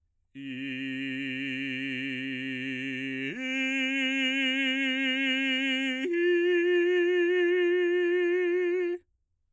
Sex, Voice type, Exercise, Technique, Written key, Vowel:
male, bass, long tones, full voice forte, , i